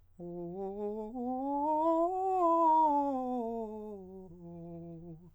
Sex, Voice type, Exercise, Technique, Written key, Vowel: male, countertenor, scales, fast/articulated piano, F major, o